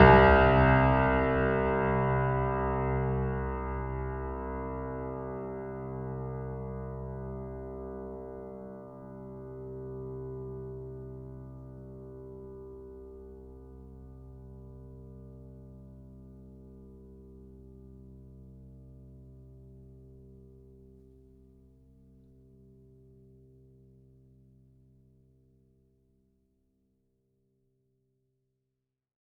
<region> pitch_keycenter=36 lokey=36 hikey=37 volume=1.187884 lovel=0 hivel=65 locc64=65 hicc64=127 ampeg_attack=0.004000 ampeg_release=0.400000 sample=Chordophones/Zithers/Grand Piano, Steinway B/Sus/Piano_Sus_Close_C2_vl2_rr1.wav